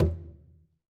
<region> pitch_keycenter=60 lokey=60 hikey=60 volume=14.562372 lovel=84 hivel=127 seq_position=1 seq_length=2 ampeg_attack=0.004000 ampeg_release=15.000000 sample=Membranophones/Struck Membranophones/Conga/Conga_HitFM_v2_rr1_Sum.wav